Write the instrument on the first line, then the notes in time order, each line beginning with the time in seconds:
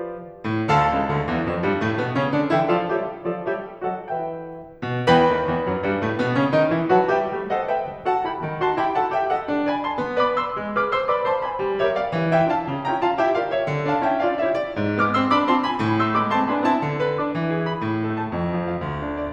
piano
0.44 A2
0.71 D2 D3 A4 F5 A5
0.87 C2 C3
1.08 D2 D3
1.25 E2 E3
1.43 F2 F3
1.64 G2 G3
1.83 A2 A3
2.00 B2 B3
2.17 C3 C4
2.36 D3 D4
2.53 E3 E4 A4 E5 G5
2.70 F3 F4 A4 D5 F5
2.90 G3 G4 A4 C#5 E5
3.27 F3 F4 A4 D5 F5
3.46 G3 G4 A4 C#5 E5
3.85 F#3 F#4 A4 D#5 F#5
4.04 E3 E4 B4 E5 G5
4.82 B2
5.06 E2 E3 B4 G5 B5
5.34 D#2 D#3
5.51 E2 E3
5.69 F#2 F#3
5.87 G2 G3
6.05 A2 A3
6.19 B2 B3
6.36 C#3 C#4
6.54 D#3 D#4
6.71 E3 E4
6.91 F#3 F#4 B4 F#5 A5
7.10 G3 G4 B4 E5 G5
7.30 A3
7.49 A4 C5 D#5 F#5
7.70 G4 B4 E5 G5
7.92 F#3
8.09 F#4 A4 F#5 A5
8.25 E4 G4 G5 B5
8.42 D#3
8.61 D#4 F#4 A5 C6
8.78 E4 G4 G5 B5
8.96 F#4 A4 F#5 A5
9.14 G4 B4 E5 G5
9.31 A4 C5 D#5 F#5
9.51 D4
9.69 D5 F5 G#5 B5
9.83 C5 E5 A5 C6
10.01 B3
10.20 B4 D5 B5 D6
10.39 A4 C5 C6 E6
10.58 G#3
10.76 G#4 B4 D6 F6
10.94 A4 C5 C6 E6
11.10 B4 D5 B5 D6
11.27 C5 E5 A5 C6
11.44 D5 F5 G#5 B5
11.62 G3
11.82 G4 A#4 C#5 E5
11.98 F4 A4 D5 F5
12.16 E3
12.36 E4 G4 E5 G5
12.56 D4 F4 F5 A5
12.72 C#3
12.88 C#4 E4 G5 A#5
13.04 D4 F4 F5 A5
13.19 E4 G4 E5 G5
13.32 F4 A4 D5 F5
13.49 G4 A#4 C#5 E5
13.65 D3
13.87 D4 F5 A5
14.06 C#4 E4 E5 G5
14.27 D4 F4 D5 F5
14.47 E4 G4 C#5 E5
14.63 F4 A4 D5
14.79 G#2
14.98 G#3 B3 D6 F6
15.15 A3 C4 C6 E6
15.31 B3 D4 B5 D6
15.50 C4 E4 A5 C6
15.63 D4 F4 G#5 B5
15.81 A2
16.01 A3 C6 E6
16.18 G#3 B3 B5 D6
16.33 A3 C4 A5 C6
16.51 B3 D4 G#5 B5
16.66 C4 E4 A5
16.81 D3
17.01 B4
17.19 D4 D6
17.34 E3
17.50 G#4
17.65 E4 B5
17.82 A2
18.01 A4
18.19 A3 A5
18.36 F2
18.52 F4
18.67 F3 F5
18.82 D2
18.99 D4
19.16 D3 D5